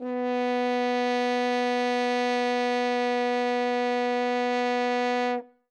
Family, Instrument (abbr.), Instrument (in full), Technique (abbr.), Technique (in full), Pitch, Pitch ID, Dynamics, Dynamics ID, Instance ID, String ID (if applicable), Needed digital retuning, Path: Brass, Hn, French Horn, ord, ordinario, B3, 59, ff, 4, 0, , FALSE, Brass/Horn/ordinario/Hn-ord-B3-ff-N-N.wav